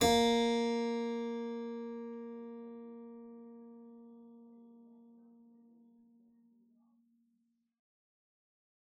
<region> pitch_keycenter=58 lokey=58 hikey=59 volume=-0.330946 offset=99 trigger=attack ampeg_attack=0.004000 ampeg_release=0.350000 amp_veltrack=0 sample=Chordophones/Zithers/Harpsichord, English/Sustains/Normal/ZuckermannKitHarpsi_Normal_Sus_A#2_rr1.wav